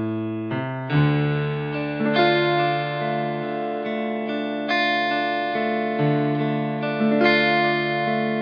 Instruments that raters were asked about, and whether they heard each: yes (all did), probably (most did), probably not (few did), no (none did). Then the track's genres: mallet percussion: no
piano: yes
trombone: no
guitar: yes
trumpet: no
Pop; Folk; Singer-Songwriter